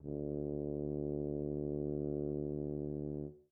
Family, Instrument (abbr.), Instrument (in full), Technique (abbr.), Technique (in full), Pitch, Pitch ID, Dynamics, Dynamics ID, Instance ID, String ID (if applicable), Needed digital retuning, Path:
Brass, BTb, Bass Tuba, ord, ordinario, D2, 38, mf, 2, 0, , TRUE, Brass/Bass_Tuba/ordinario/BTb-ord-D2-mf-N-T15u.wav